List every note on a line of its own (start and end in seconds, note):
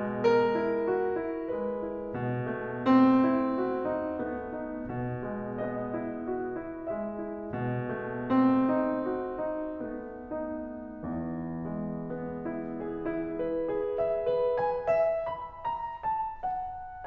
0.00 0.53 G#3
0.26 1.47 A#4
0.55 1.16 E4
0.91 1.47 F#4
1.18 1.85 E4
1.58 2.15 G#3
1.58 2.15 B4
1.90 2.47 E4
2.16 2.86 B2
2.48 3.46 A3
2.87 4.32 C4
3.47 4.04 D#4
3.76 4.32 F#4
4.05 4.64 D#4
4.39 4.90 A3
4.39 4.90 B3
4.66 5.15 D#4
4.91 5.39 B2
5.17 5.92 G#3
5.40 6.26 B3
5.40 6.88 D#5
5.93 6.52 E4
6.29 6.88 F#4
6.57 7.11 E4
6.90 7.41 G#3
6.90 7.41 E5
7.12 7.87 E4
7.42 8.29 B2
7.91 8.72 A3
8.30 9.79 C4
8.73 9.42 D#4
9.09 9.79 F#4
9.44 10.40 D#4
9.80 11.06 A3
9.80 11.06 B3
10.43 11.52 D#4
11.09 12.81 E2
11.09 12.81 E3
11.60 12.35 G#3
11.83 12.81 B3
12.36 13.05 E4
12.83 13.36 G#4
13.06 13.70 E4
13.37 14.01 B4
13.78 14.28 G#4
14.04 14.55 E5
14.30 14.93 B4
14.57 15.28 G#5
14.99 15.62 E5
15.30 16.09 B5
15.64 16.39 A#5
16.11 17.07 A5
16.49 17.07 F#5